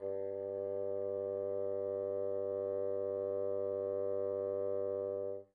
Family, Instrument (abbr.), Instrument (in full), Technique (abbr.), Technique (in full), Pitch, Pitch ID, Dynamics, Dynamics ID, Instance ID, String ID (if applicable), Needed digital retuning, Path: Winds, Bn, Bassoon, ord, ordinario, G2, 43, pp, 0, 0, , FALSE, Winds/Bassoon/ordinario/Bn-ord-G2-pp-N-N.wav